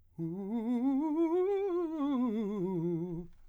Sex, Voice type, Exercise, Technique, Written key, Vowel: male, , scales, fast/articulated piano, F major, u